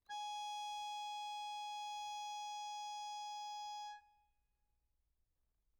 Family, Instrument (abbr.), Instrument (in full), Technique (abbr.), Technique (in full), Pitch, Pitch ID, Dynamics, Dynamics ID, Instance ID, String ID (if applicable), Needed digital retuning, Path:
Keyboards, Acc, Accordion, ord, ordinario, G#5, 80, mf, 2, 2, , FALSE, Keyboards/Accordion/ordinario/Acc-ord-G#5-mf-alt2-N.wav